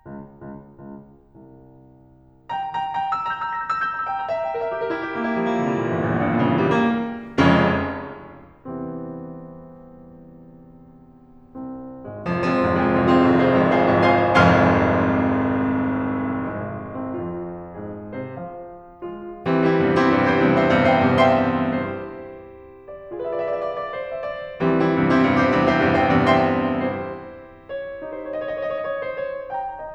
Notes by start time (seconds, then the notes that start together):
0.00 C#2
0.41 C#2
0.77 C#2
1.24 C2
2.75 G5 A#5
2.91 G5 A#5
3.07 G5 A#5
3.22 E6
3.29 A#5
3.37 G6
3.45 E6
3.54 A#6
3.62 G6
3.69 E6
3.82 G6
3.90 A#5
3.98 E6
4.08 G5
4.16 A#5
4.24 E5
4.34 G5
4.46 A#4
4.60 E5
4.71 G4
4.79 A#4
4.89 E4
5.00 G4
5.09 A#3
5.15 E4
5.24 G3
5.31 A#3
5.46 E3
5.56 G3
5.65 A#2
5.82 E3
5.93 G1
6.04 A#1
6.13 E2
6.21 G2
6.33 A#2
6.42 C#3
6.50 E3
6.64 G3
6.75 A#3
7.50 F1 F2 C#3 G#3 C#4
8.67 E2 C3 E3 G3 C4
11.32 C2 C4
12.05 G#1 G#3
12.13 F1 F3
12.34 F3 G#3 C4 F4
12.53 F1 G#1 C2 F2
12.70 G#3 C4 F4 G#4
12.85 F1 G#1 C2 F2
13.05 C4 F4 G#4 C5
13.24 F1 G#1 C2 F2
13.40 F4 G#4 C5 F5
13.58 F1 G#1 C2 F2
13.75 G#4 C5 F5 G#5
13.90 F1 G#1 C2 F2
14.07 C5 F5 G#5 C6
14.33 F1 G#1 C2 F2 F5 G#5 C6 F6
16.51 G#1 G#3
17.10 C2 C4
17.19 F2 F4
17.87 G#2 G#4
18.32 C3 C5
18.43 F3 F5
19.03 F2 F4
19.55 E3 G3 C4
19.73 G3 C4 E4
19.83 E2 G2 C3
19.99 C4 E4 G4
20.21 E2 G2 C3
20.41 E4 G4 C5
20.58 E2 G2 C3
20.81 G4 C5 E5
21.06 E2 G2 C3
21.27 C5 E5 G5
21.47 E2 G2 C3
21.69 E5 G5 C6
21.88 E4 G4 C5
22.88 D5
23.13 F4 G#4 B4 E5
23.17 D5
23.22 E5
23.30 D5
23.38 E5
23.44 D5
23.49 E5
23.55 D5
23.61 E5
23.67 D5
23.74 E5
23.79 D5
23.84 E5
23.88 D5 E5
23.96 D5
24.01 E5
24.07 D5
24.13 C5
24.31 E5
24.42 D5
24.53 E3 G3 C4
24.74 G3 C4 E4
24.94 E2 G2 C3
25.15 C4 E4 G4
25.34 E2 G2 C3
25.60 E4 G4 C5
25.80 E2 G2 C3
25.96 G4 C5 E5
26.11 E2 G2 C3
26.30 C5 E5 G5
26.47 E2 G2 C3
26.69 E5 G5 C6
26.90 E4 G4 C5
27.81 C#5
28.10 D#4 G4 C5
28.15 C#5
28.21 D#5
28.27 C#5
28.32 D#5
28.37 C#5
28.42 D#5
28.47 C#5
28.51 D#5
28.57 C#5
28.62 D#5
28.67 C#5
28.76 D#5
28.80 C#5
28.85 D#5
28.92 C#5
28.97 D#5
29.02 C#5
29.08 D#5
29.13 C#5
29.18 C5
29.34 C#5
29.45 G5 A#5
29.63 D#5
29.77 D#5